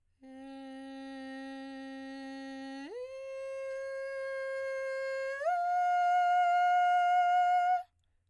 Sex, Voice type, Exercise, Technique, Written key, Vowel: female, soprano, long tones, straight tone, , e